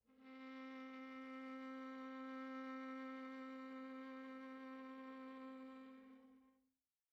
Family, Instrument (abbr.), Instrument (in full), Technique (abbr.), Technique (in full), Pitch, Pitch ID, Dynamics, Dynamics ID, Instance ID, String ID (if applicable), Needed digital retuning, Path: Strings, Va, Viola, ord, ordinario, C4, 60, pp, 0, 3, 4, FALSE, Strings/Viola/ordinario/Va-ord-C4-pp-4c-N.wav